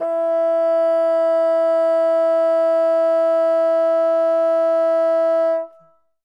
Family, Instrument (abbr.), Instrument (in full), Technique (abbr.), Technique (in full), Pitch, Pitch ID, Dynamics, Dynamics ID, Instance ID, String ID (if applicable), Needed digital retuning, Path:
Winds, Bn, Bassoon, ord, ordinario, E4, 64, ff, 4, 0, , FALSE, Winds/Bassoon/ordinario/Bn-ord-E4-ff-N-N.wav